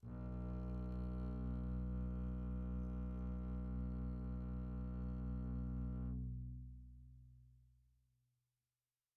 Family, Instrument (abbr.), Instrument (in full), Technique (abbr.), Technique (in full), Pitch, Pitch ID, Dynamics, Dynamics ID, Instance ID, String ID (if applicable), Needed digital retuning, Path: Strings, Cb, Contrabass, ord, ordinario, B1, 35, pp, 0, 2, 3, FALSE, Strings/Contrabass/ordinario/Cb-ord-B1-pp-3c-N.wav